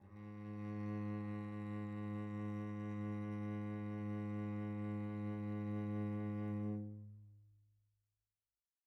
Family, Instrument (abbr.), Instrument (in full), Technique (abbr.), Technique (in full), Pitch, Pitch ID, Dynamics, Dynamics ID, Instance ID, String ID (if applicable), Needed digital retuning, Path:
Strings, Vc, Cello, ord, ordinario, G#2, 44, pp, 0, 2, 3, FALSE, Strings/Violoncello/ordinario/Vc-ord-G#2-pp-3c-N.wav